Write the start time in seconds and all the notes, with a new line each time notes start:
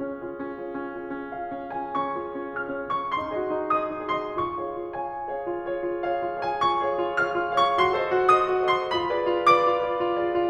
0.00 C#4
0.20 F4 G#4 C#5
0.36 C#4
0.50 F4 G#4 C#5
0.67 C#4
0.87 F4 G#4 C#5
1.08 C#4
1.24 F4 G#4 C#5 F5
1.45 C#4
1.71 F4 G#4 C#5
1.81 G#5
1.93 C#4 C#6
2.16 F4 G#4 C#5
2.29 C#4
2.50 F4 G#4 C#5 F6
2.66 C#4
2.93 F4 G#4 C#5
3.03 C#6
3.11 D#4 C6
3.36 F#4 G#4 D#5
3.54 D#4
3.73 F#4 G#4 D#5 D#6
3.89 D#4
4.10 F#4 G#4 D#5
4.19 C6
4.32 F4 C#6
4.53 G#4 C#5 F5
4.77 F4
4.95 G#4 C#5 F5 G#5
5.14 F4
5.32 G#4 C#5 F5
5.51 F4
5.69 G#4 C#5 F5
5.87 F4
6.04 G#4 C#5 F5
6.15 F4
6.29 G#4 C#5
6.40 G#5
6.56 F4 C#6
6.79 G#4 C#5 F5
7.00 F4
7.21 G#4 C#5 F5 F6
7.37 F4
7.53 G#4 C#5 F5
7.63 C#6
7.81 F#4 C6
8.02 A4 C5 D#5
8.22 F#4
8.36 A4 C5 D#5 D#6
8.50 F#4
8.65 A4 C5 D#5
8.73 C6
8.85 F4 B5
9.10 G#4 B4 D5
9.26 F4
9.39 G#4 B4 D5 D6
9.58 F4
9.79 G#4 B4 D5
9.96 F4
10.12 G#4 B4 D5
10.29 F4